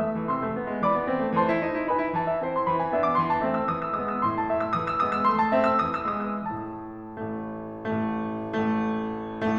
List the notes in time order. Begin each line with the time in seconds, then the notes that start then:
0.00 A3 E5
0.17 E3
0.29 C3 C6 E6
0.44 C4
0.57 B3
0.72 G#3
0.82 E3 D5 B5 D6
0.95 D4
1.09 C4
1.23 A3
1.35 E3 C5 A5 C6
1.45 E4
1.63 D#4
1.74 E4
1.88 D#4 B4 G#5 B5
2.00 E4
2.16 E3 A5
2.28 E5
2.43 C4 E4 C5
2.55 C6
2.67 E3 B5
2.80 G#5
2.89 B3 D4 E5
3.01 D6
3.15 E3 C6
3.26 A5
3.41 A3 C4 E5
3.52 E6
3.65 E3 D#6
3.76 E6
3.96 G#3 B3 D#6
4.09 E6
4.20 A2 C6
4.39 A5
4.53 A3 E5
4.67 E6
4.76 E3 D#6
4.90 E6
5.04 G#3 B3 D#6
5.17 E6
5.27 A3 C6
5.40 A5
5.54 C4 E5
5.69 E6
5.84 E3 D#6
6.01 E6
6.15 G#3 B3 D#6
6.33 E6
6.52 A2 A3 A5
7.30 A1 A2 A3
8.08 A1 A2 A3
8.82 A1 A2 A3